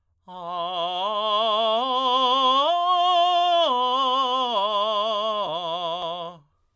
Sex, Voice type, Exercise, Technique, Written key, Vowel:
male, tenor, arpeggios, slow/legato forte, F major, a